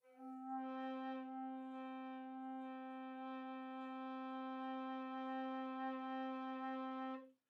<region> pitch_keycenter=60 lokey=60 hikey=61 tune=-2 volume=11.677995 offset=8014 ampeg_attack=0.004000 ampeg_release=0.300000 sample=Aerophones/Edge-blown Aerophones/Baroque Tenor Recorder/Sustain/TenRecorder_Sus_C3_rr1_Main.wav